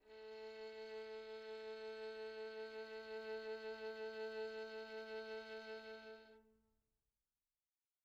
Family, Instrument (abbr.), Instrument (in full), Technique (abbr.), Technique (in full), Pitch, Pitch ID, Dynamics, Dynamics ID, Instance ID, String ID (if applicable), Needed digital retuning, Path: Strings, Vn, Violin, ord, ordinario, A3, 57, pp, 0, 3, 4, FALSE, Strings/Violin/ordinario/Vn-ord-A3-pp-4c-N.wav